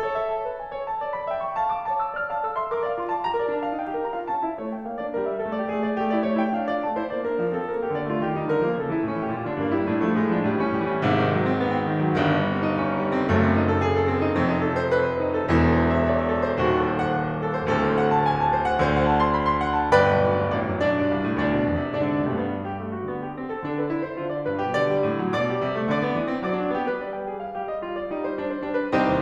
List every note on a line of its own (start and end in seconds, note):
0.00 1.29 A4
0.00 0.10 C#5
0.10 0.28 E5
0.29 0.49 A5
0.49 0.59 B4
0.59 0.72 G#5
0.72 0.85 C#5
0.85 1.00 A5
1.03 1.15 D5
1.15 1.29 B5
1.29 1.47 E5
1.29 1.60 G5
1.49 1.60 C#6
1.60 1.96 F5
1.60 1.71 A5
1.72 1.96 D6
1.96 2.17 C#5
1.96 2.08 A5
2.08 2.17 E6
2.18 2.30 D5
2.18 2.30 F6
2.30 2.40 F5
2.30 2.40 A5
2.41 2.52 A4
2.41 2.52 E6
2.52 2.71 E5
2.52 2.71 C6
2.71 2.82 A#4
2.71 2.82 D6
2.83 2.93 D5
2.83 2.93 F5
2.93 3.11 F4
2.93 3.11 C6
3.11 3.22 C5
3.11 3.22 A5
3.23 3.33 G4
3.23 3.33 A#5
3.33 3.49 A#4
3.33 3.49 D5
3.51 3.66 D4
3.51 3.66 A5
3.66 3.80 A4
3.66 3.80 F5
3.80 3.89 D#4
3.80 3.89 G5
3.91 4.08 G4
3.91 4.08 A#4
4.08 4.19 D4
4.08 4.19 A#5
4.20 4.30 F4
4.20 4.30 F5
4.30 4.46 C#4
4.30 4.46 A5
4.46 4.61 E4
4.46 4.61 E5
4.62 4.74 A3
4.62 4.74 C#5
4.74 4.85 E4
4.74 4.85 G5
4.85 4.98 A#3
4.85 4.98 F5
4.99 5.14 D4
4.99 5.14 D5
5.14 5.25 G3
5.14 5.25 A#4
5.28 5.39 G4
5.28 5.39 E5
5.39 5.57 A3
5.39 5.57 A4
5.57 5.68 F4
5.57 5.68 D5
5.69 5.94 A3
5.69 5.94 G#4
5.94 6.04 F4
5.94 6.04 D5
6.05 6.15 A3
6.05 6.15 G4
6.15 6.28 E4
6.15 6.28 D5
6.28 6.41 A3
6.28 6.41 C#5
6.44 6.59 E4
6.44 6.59 G5
6.59 6.78 D4
6.59 6.78 F5
6.78 6.93 F4
6.78 6.93 D5
6.93 7.05 A3
6.93 7.05 A5
7.05 7.16 E4
7.05 7.16 C5
7.17 7.30 A#3
7.17 7.30 D5
7.30 7.42 D4
7.30 7.42 A#4
7.42 7.57 F3
7.42 7.57 F5
7.58 7.70 C4
7.58 7.70 A4
7.70 7.83 G3
7.70 7.83 A#4
7.86 7.98 A#3
7.86 7.98 G4
7.98 8.15 D3
7.98 8.15 D5
8.15 8.24 A3
8.15 8.24 F4
8.25 8.38 D#3
8.25 8.38 G4
8.38 8.50 G3
8.38 8.50 D#4
8.52 8.63 D3
8.52 8.63 A#4
8.63 8.80 F3
8.63 8.80 A#3
8.80 8.92 C#3
8.80 8.92 A4
8.93 9.06 E3
8.93 9.06 E4
9.06 9.17 A2
9.06 9.17 C#4
9.17 9.29 E3
9.17 9.29 G4
9.30 9.43 A#2
9.30 9.43 F4
9.43 9.54 D3
9.43 9.54 D4
9.56 9.68 G2
9.56 9.68 A#3
9.68 9.80 G3
9.68 9.80 E4
9.80 10.03 A2
9.80 10.03 D4
10.04 10.15 F3
10.04 10.15 A3
10.15 10.30 A2
10.15 10.30 G#3
10.31 10.43 F3
10.31 10.43 D4
10.43 10.70 A2
10.43 10.70 G3
10.70 10.82 E3
10.70 10.82 D4
10.83 10.92 A2
10.83 10.92 G3
10.92 11.04 E3
10.92 11.04 C#4
11.04 12.14 G#1
11.04 12.14 G#2
11.04 11.15 C3
11.15 11.37 D#3
11.37 11.51 F#3
11.52 11.69 C4
11.69 11.80 B3
11.80 11.89 C4
11.90 12.03 D#3
12.03 12.14 F#3
12.17 13.27 G1
12.17 13.27 G2
12.17 12.27 D#3
12.27 12.50 G3
12.50 12.61 C4
12.62 12.75 D#4
12.75 12.88 D4
12.89 12.99 D#4
12.99 13.13 G3
13.13 13.27 C4
13.33 14.36 F#1
13.33 14.36 F#2
13.33 13.43 A3
13.43 13.54 C4
13.54 13.63 D#4
13.64 13.80 A4
13.80 13.93 G#4
13.94 14.09 A4
14.09 14.21 C4
14.21 14.36 D#4
14.37 15.51 F1
14.37 15.51 F2
14.37 14.55 C4
14.55 14.64 D#4
14.65 14.83 A4
14.83 14.94 C5
14.94 15.07 B4
15.08 15.26 C5
15.26 15.37 E4
15.37 15.51 A4
15.52 16.57 E1
15.52 16.57 E2
15.52 15.69 E4
15.69 15.85 A4
15.86 16.01 C5
16.01 16.13 E5
16.13 16.24 D#5
16.27 16.36 E5
16.36 16.46 A4
16.47 16.57 C5
16.57 17.67 D#1
16.57 17.67 D#2
16.57 16.67 F#4
16.67 16.76 A4
16.78 16.92 C5
16.92 17.10 F#5
17.10 17.24 F5
17.24 17.44 F#5
17.44 17.57 A4
17.58 17.67 C5
17.67 18.88 D1
17.67 18.88 D2
17.67 17.87 A4
17.87 17.97 C5
17.98 18.12 F#5
18.12 18.25 A5
18.26 18.45 G#5
18.45 18.58 A5
18.58 18.67 C5
18.69 18.88 F#5
18.88 19.92 D2
18.88 19.92 D3
18.88 18.99 C5
19.01 19.14 F#5
19.14 19.26 A5
19.26 19.37 C6
19.38 19.50 B5
19.50 19.63 C6
19.63 19.77 F#5
19.78 19.92 A5
19.95 20.06 G1
19.95 20.26 B4
19.95 20.26 D5
19.95 20.26 G5
19.95 20.26 B5
20.06 20.26 B1
20.26 20.42 D2
20.43 20.53 G2
20.53 20.70 A1
20.53 20.84 D4
20.53 20.84 D5
20.70 20.84 F#2
20.85 20.98 B1
20.85 21.36 D4
20.85 21.36 D5
20.98 21.16 G2
21.16 21.26 C2
21.26 21.36 A2
21.36 21.54 D2
21.36 21.95 D4
21.36 21.95 D5
21.55 21.70 B2
21.70 21.82 E2
21.82 21.95 C3
21.97 22.06 F#2
21.97 22.19 D4
21.97 22.19 D5
22.06 22.19 D3
22.20 22.31 A#2
22.20 22.31 G3
22.31 22.88 G2
22.31 22.48 B3
22.48 22.74 D4
22.76 22.88 G4
22.88 23.10 D3
22.88 22.99 A3
23.00 23.10 F#4
23.10 23.71 D3
23.10 23.28 B3
23.28 23.38 G4
23.39 23.56 C4
23.56 23.71 A4
23.71 24.16 D3
23.71 23.80 D4
23.81 23.90 B4
23.90 24.04 E4
24.06 24.16 C5
24.16 24.46 D3
24.16 24.31 F#4
24.31 24.46 D5
24.47 24.61 G2
24.47 24.61 B4
24.61 24.74 B2
24.61 24.74 G4
24.78 24.92 D3
24.78 25.33 D5
24.92 25.07 G3
25.07 25.22 A2
25.23 25.33 F#3
25.33 25.51 B2
25.33 25.93 D5
25.33 25.93 D6
25.51 25.61 G3
25.62 25.75 C3
25.75 25.93 A3
25.94 26.03 D3
25.94 26.42 D5
25.94 26.42 D6
26.03 26.13 B3
26.13 26.25 E3
26.26 26.42 C4
26.42 26.60 F#3
26.42 26.71 D5
26.42 26.71 D6
26.61 26.71 D4
26.71 26.88 B3
26.71 26.88 G4
26.88 27.59 G3
26.88 27.04 B4
27.04 27.14 D5
27.14 27.26 G5
27.26 27.42 G#4
27.42 27.59 F5
27.59 28.10 G3
27.59 27.67 G4
27.68 27.78 D#5
27.78 27.96 F4
27.96 28.10 D5
28.12 28.67 G3
28.12 28.26 D#4
28.26 28.37 C5
28.37 28.47 D4
28.47 28.67 C5
28.67 28.93 G3
28.67 28.83 D4
28.84 28.93 B4
28.93 29.07 C2
28.93 29.22 C4
28.93 29.22 D#4
28.93 29.22 G4
28.93 29.22 C5
29.08 29.22 D#2